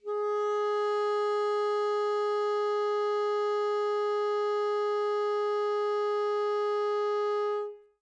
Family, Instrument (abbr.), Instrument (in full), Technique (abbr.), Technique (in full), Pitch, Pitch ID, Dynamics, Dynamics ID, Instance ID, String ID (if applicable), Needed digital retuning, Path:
Winds, ASax, Alto Saxophone, ord, ordinario, G#4, 68, mf, 2, 0, , FALSE, Winds/Sax_Alto/ordinario/ASax-ord-G#4-mf-N-N.wav